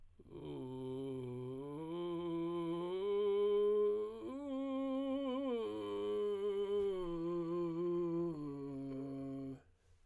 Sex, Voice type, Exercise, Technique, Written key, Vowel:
male, tenor, arpeggios, vocal fry, , u